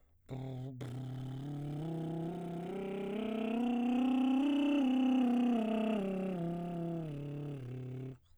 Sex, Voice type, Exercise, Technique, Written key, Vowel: male, baritone, scales, lip trill, , u